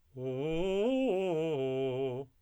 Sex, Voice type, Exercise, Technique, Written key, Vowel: male, tenor, arpeggios, fast/articulated piano, C major, o